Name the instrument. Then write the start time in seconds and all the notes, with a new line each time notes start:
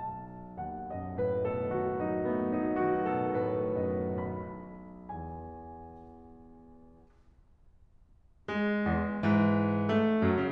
piano
0.00 B1 A5
0.60 D#2 F#5
0.89 F#2 D#5
1.15 A2 B4
1.45 B2 A4
1.72 D#3 F#4
2.25 A3 B3
2.48 F#3 D#4
2.71 D#3 F#4
3.07 B2 A4
3.38 A2 B4
3.92 F#2 D#5
4.30 B1 B5
5.10 E2 G#5
8.49 G#3
8.82 E2
9.22 G#2 E3
9.96 A3
10.25 F#2 F#3
10.38 C#3